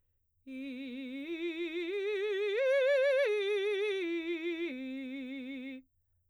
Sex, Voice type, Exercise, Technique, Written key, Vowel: female, soprano, arpeggios, vibrato, , i